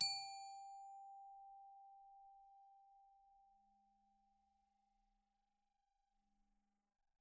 <region> pitch_keycenter=67 lokey=67 hikey=69 volume=19.036282 xfin_lovel=0 xfin_hivel=83 xfout_lovel=84 xfout_hivel=127 ampeg_attack=0.004000 ampeg_release=15.000000 sample=Idiophones/Struck Idiophones/Glockenspiel/glock_medium_G4_01.wav